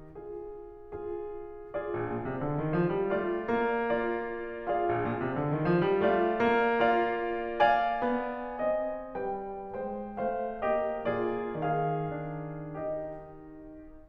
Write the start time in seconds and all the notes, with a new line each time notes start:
0.21 F4 G#4
0.93 F4 G#4
1.72 F4 G#4 D5
1.90 A#1
2.08 A#2
2.26 C3
2.44 D3
2.59 D#3
2.77 F3
2.93 G3
3.17 A3 D4 D5
3.49 A#3
3.94 D4 D5
4.69 F4 G#4 D5 F5
4.90 A#1
5.06 A#2
5.22 C3
5.38 D3
5.56 D#3
5.70 F3
5.86 G3
6.06 A3 F4 D5 F5
6.44 A#3
6.88 F4 D5 F5
7.59 D5 F5 G#5
8.07 B3
8.61 C4 D#5
9.17 G3 B4 G5
9.69 G#3 C5 G5
10.21 A3 C5 F5
10.66 A#3 G4 D#5
11.08 A#2 F4 G#4 D5
11.56 D#3 G#4 F5
12.21 D4
12.78 D#4 G4 D#5